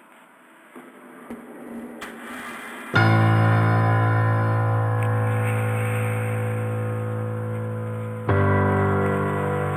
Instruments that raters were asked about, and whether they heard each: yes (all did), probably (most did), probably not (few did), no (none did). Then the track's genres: piano: yes
Electronic; Post-Rock